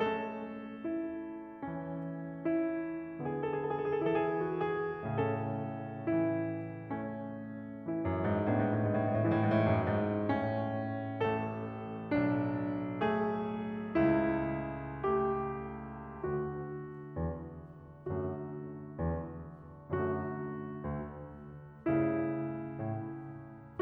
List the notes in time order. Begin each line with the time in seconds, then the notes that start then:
0.01 A3 C#4 A4
0.86 E4
1.65 E3 C#4
2.47 E4
3.29 D3 B3 G#4
3.41 A4
3.52 G#4
3.62 A4
3.74 G#4
3.81 A4
3.91 G#4
3.98 A4
4.06 E4 G#4
4.15 A4
4.29 G#4
4.36 A4
4.46 G#4
4.55 A4
4.66 F#4
4.74 G#4
5.04 A2 C#3 C#4 A4
6.10 E3 E4
6.97 A3 C#4
7.74 E3 E4
8.02 F#2
8.25 G#2
8.42 G#2 A3 C#4
8.59 A2
8.66 G#2
8.74 A2
8.79 G#2
8.89 A2
8.98 G#2
9.05 A2
9.17 G#2 E3 E4
9.26 A2
9.34 G#2
9.41 A2
9.48 G#2
9.61 A2
9.75 F#2
9.99 G#2
10.30 A2 C#4
11.26 A1 A3 A4
12.17 B1 D4
13.09 A3 G#4
13.96 C#2 E4
15.05 A3 G4
16.27 D2 D3 A3 F#4
17.19 E2
18.08 F#2 D3 A3 F#4
18.98 E2
19.96 F#2 D3 A3 F#4
20.90 D2
21.93 G2 C#3 A3 E4
22.83 A2